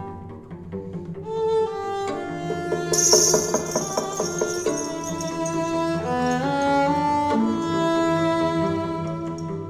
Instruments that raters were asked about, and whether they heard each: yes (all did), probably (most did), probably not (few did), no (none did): saxophone: probably not
clarinet: no
cello: probably